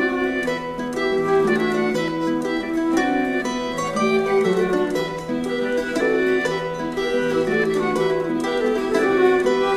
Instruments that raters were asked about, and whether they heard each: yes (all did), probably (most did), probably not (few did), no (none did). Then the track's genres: mandolin: probably
accordion: probably not
ukulele: probably not
Celtic